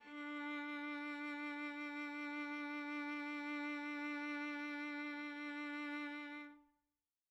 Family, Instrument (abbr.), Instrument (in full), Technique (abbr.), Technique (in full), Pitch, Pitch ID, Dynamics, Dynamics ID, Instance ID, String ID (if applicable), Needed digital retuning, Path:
Strings, Va, Viola, ord, ordinario, D4, 62, mf, 2, 2, 3, FALSE, Strings/Viola/ordinario/Va-ord-D4-mf-3c-N.wav